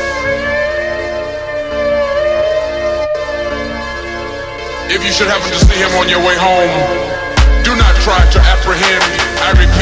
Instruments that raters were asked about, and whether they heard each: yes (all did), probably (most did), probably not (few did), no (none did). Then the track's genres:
violin: probably not
Hip-Hop Beats